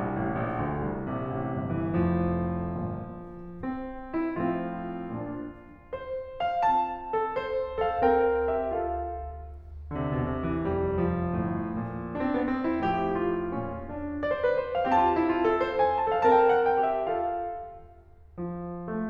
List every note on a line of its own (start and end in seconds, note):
0.00 0.17 C2
0.19 0.43 A1
0.44 0.70 A#1
0.71 0.96 D2
0.96 1.20 C2
1.20 1.38 A#1
1.20 1.79 C3
1.38 1.71 A1
1.71 2.01 G1
1.80 2.01 E3
2.01 2.79 F1
2.01 3.22 F2
2.01 2.79 A2
2.01 3.59 F3
2.82 3.22 G1
2.82 3.22 A#2
3.60 3.97 C4
4.16 4.38 E4
4.39 5.06 A2
4.39 5.48 F3
4.39 5.06 C4
4.39 5.90 F4
5.07 5.48 A#2
5.07 5.48 D4
5.91 6.42 C5
6.42 6.63 F5
6.64 7.94 C4
6.64 7.14 F4
6.64 7.77 A5
7.14 7.37 A4
7.38 7.77 C5
7.77 7.94 A4
7.77 7.94 F5
7.94 8.64 C4
7.94 8.46 A#4
7.94 8.46 G5
8.48 8.64 G4
8.48 8.64 E5
8.64 9.10 F4
8.64 9.10 A4
8.64 9.10 F5
9.90 9.98 D3
9.98 10.09 C3
10.09 10.27 B2
10.29 10.44 C3
10.45 10.65 E3
10.66 11.31 F1
10.66 11.70 F2
10.66 11.01 G3
11.02 12.12 F3
11.33 11.70 G1
11.33 11.70 A2
11.70 12.12 A#2
12.13 12.21 D4
12.23 12.32 C4
12.33 12.54 B3
12.54 12.65 C4
12.67 12.84 E4
12.85 13.44 F2
12.85 13.86 F3
12.85 13.14 G4
13.14 14.21 F4
13.46 13.86 G2
13.46 13.86 C#4
13.87 14.21 D4
14.22 14.28 D5
14.29 14.36 C5
14.36 14.52 B4
14.54 14.71 C5
14.71 14.91 E5
14.92 16.23 C4
14.92 15.00 G4
14.92 15.79 A5
15.01 15.09 F4
15.10 15.27 E4
15.28 15.44 F4
15.45 15.64 A4
15.64 16.08 C5
15.80 15.98 G5
15.99 16.08 A5
16.08 16.23 A4
16.08 16.23 F5
16.23 17.10 C4
16.23 16.88 A#4
16.23 16.34 A5
16.34 16.40 G5
16.43 16.66 F#5
16.67 16.88 G5
16.89 17.10 G4
16.89 17.10 E5
17.10 17.65 F4
17.10 17.65 A4
17.10 17.65 F5
18.39 18.90 F3
18.91 19.09 A3